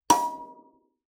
<region> pitch_keycenter=83 lokey=83 hikey=84 tune=47 volume=-2.931288 offset=4637 ampeg_attack=0.004000 ampeg_release=15.000000 sample=Idiophones/Plucked Idiophones/Kalimba, Tanzania/MBira3_pluck_Main_B4_k23_50_100_rr2.wav